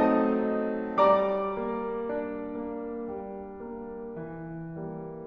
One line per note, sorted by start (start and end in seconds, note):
0.00 0.99 F#3
0.00 0.99 A3
0.00 0.99 C4
0.00 0.99 D#4
0.00 0.99 D#5
0.00 0.99 A5
0.00 0.99 D#6
1.00 1.59 G3
1.00 3.11 D5
1.00 3.11 A#5
1.00 3.11 D6
1.61 2.12 A#3
2.14 2.53 D4
2.58 3.11 A#3
3.16 3.66 G3
3.68 4.18 A#3
4.19 4.76 E3
4.78 5.26 G3
4.78 5.26 A#3